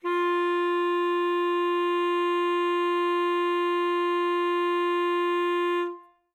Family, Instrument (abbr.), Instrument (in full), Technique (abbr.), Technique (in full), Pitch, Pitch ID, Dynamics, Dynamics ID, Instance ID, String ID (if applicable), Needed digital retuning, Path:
Winds, ASax, Alto Saxophone, ord, ordinario, F4, 65, ff, 4, 0, , FALSE, Winds/Sax_Alto/ordinario/ASax-ord-F4-ff-N-N.wav